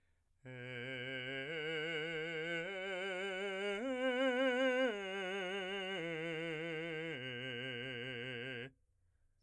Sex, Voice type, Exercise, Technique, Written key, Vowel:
male, , arpeggios, slow/legato piano, C major, e